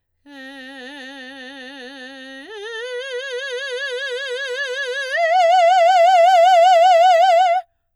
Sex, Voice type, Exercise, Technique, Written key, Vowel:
female, soprano, long tones, full voice forte, , e